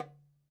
<region> pitch_keycenter=62 lokey=62 hikey=62 volume=13.928565 lovel=0 hivel=83 seq_position=1 seq_length=2 ampeg_attack=0.004000 ampeg_release=30.000000 sample=Membranophones/Struck Membranophones/Darbuka/Darbuka_3_hit_vl1_rr2.wav